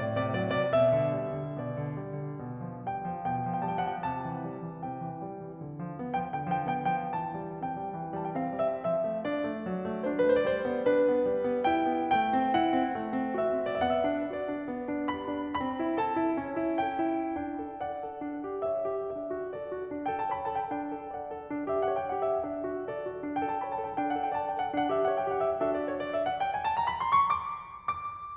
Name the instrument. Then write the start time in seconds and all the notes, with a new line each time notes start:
piano
0.01 A2 D5
0.19 C3 D5
0.36 F#3 D5
0.53 C3 D5
0.73 B2 E5
0.96 D3
1.20 G3
1.36 D3
1.61 B2 D5
1.78 D3
1.99 G3
2.28 D3
2.46 B2
2.69 F3
2.97 G3 G5
3.16 F3
3.34 B2 G5
3.53 F3
3.70 G3 G5
3.80 A5
3.88 F3 F#5
3.98 G5
4.09 C3 A5
4.26 E3
4.46 G3
4.64 E3
4.82 C3 G5
5.03 E3
5.25 G3
5.43 E3
5.64 D3
5.84 F3
5.98 B3
6.16 F3 G5
6.30 D3 G5
6.48 F3 G5
6.71 B3 G5
6.91 F3 G5
7.13 E3 A5
7.41 G3
7.60 C4 G5
7.79 G3
7.96 E3
8.15 G3 A5
8.24 G5
8.37 C4 F5
8.56 G3 E5
8.77 F3 E5
9.07 A3
9.25 D4 D5
9.46 A3
9.67 F#3
9.87 A3
10.10 D4 C5
10.32 A3
10.48 G3 B4
10.55 C5
10.62 D5
10.69 B3 C5
10.86 D4 B4
11.04 B3
11.28 G3
11.46 B3
11.64 E4 G5
11.87 B3
12.13 A3
12.33 C4
12.54 E4 F#5
12.75 C4
12.95 A3
13.14 C4
13.41 F#4 E5
13.64 C4
13.83 B3 D5
13.93 E5
13.99 F#5
14.06 D4 E5
14.36 F#4 D5
14.50 D4
14.68 B3
14.90 D4
15.12 G4 B5
15.34 D4
15.65 C4
15.81 E4
15.99 A4 A5
16.22 E4
16.40 C#4
16.61 E4
16.81 A4 G5
17.07 E4
17.36 D4 G5
17.60 A4
17.81 D5 F#5
18.05 A4
18.26 D4
18.41 G4
18.62 C#5 E5
18.77 G4
18.99 D4 E5
19.30 F#4
19.53 A4 D5
19.69 F#4
19.90 D4
20.07 G5
20.13 A4
20.20 A5
20.34 C#5 B5
20.46 A5
20.51 A4
20.58 G5
20.74 D4 G5
20.91 A4
21.08 D5 F#5
21.32 A4
21.50 D4
21.63 E5
21.69 G4
21.80 F#5
21.98 C#5 G5
22.13 F#5
22.20 G4
22.26 E5
22.38 D4 E5
22.63 F#4
22.87 A4 D5
23.05 F#4
23.22 D4
23.35 G5
23.43 A4
23.49 A5
23.60 C#5 B5
23.72 A5
23.78 A4
23.82 G5
23.95 D4 G5
24.10 F#5
24.16 A4
24.22 G5
24.37 D5 A5
24.51 G5
24.57 A4
24.62 F#5
24.74 D4 F#5
24.87 E5
24.94 G4
25.03 F#5
25.18 C#5 G5
25.31 F#5
25.39 G4
25.45 E5
25.58 D4 F#4 A4 E5
25.70 D5
25.89 C#5
25.99 D5
26.16 E5
26.26 F#5
26.38 G5
26.49 G#5
26.61 A5
26.75 A#5
26.84 B5
26.97 C6
27.12 C#6
27.26 D6
27.84 D6